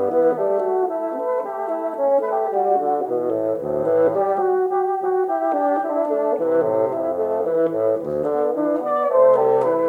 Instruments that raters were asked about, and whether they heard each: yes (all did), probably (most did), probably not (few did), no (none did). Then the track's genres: voice: no
clarinet: probably
trumpet: probably
trombone: probably
Classical